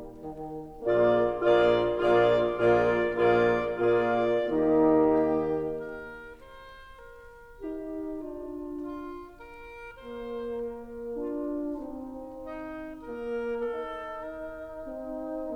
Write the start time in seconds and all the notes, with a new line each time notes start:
0.00 D#3
0.86 A#1 A#2 A#3 F4 G#4 D5
1.36 A#1 A#2 A#3 F4 G#4 D5
1.96 A#1 A#2 A#3 F4 G#4 D5
2.48 A#1 A#2 A#3 F4 G#4 D5
3.23 A#1 A#2 A#3 F4 G#4 D5
3.70 A#1 A#2 A#3 F4 G#4 D5
4.45 D#2 D#3 A#3 D#4 G4 D#5
5.06 G4
5.58 A#4
6.44 C5
7.19 A#4
7.59 D#4 G4
8.21 D4 F4
8.84 F4
9.30 A#4
10.00 A#3 C5
10.47 A#4
11.16 D4 F4
11.84 C4 D#4
12.26 D#4
12.88 A#3 A#4
13.83 D#4 A4
14.41 A#4
14.84 C4 D#4